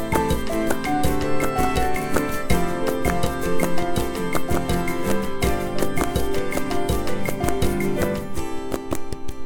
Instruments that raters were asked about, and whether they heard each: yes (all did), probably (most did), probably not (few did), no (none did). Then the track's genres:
banjo: no
mandolin: probably not
Pop; Folk; Christmas